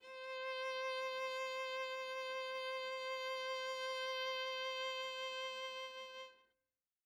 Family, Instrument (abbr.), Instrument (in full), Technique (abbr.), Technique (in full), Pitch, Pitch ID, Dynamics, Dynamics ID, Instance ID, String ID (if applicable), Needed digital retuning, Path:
Strings, Va, Viola, ord, ordinario, C5, 72, mf, 2, 0, 1, FALSE, Strings/Viola/ordinario/Va-ord-C5-mf-1c-N.wav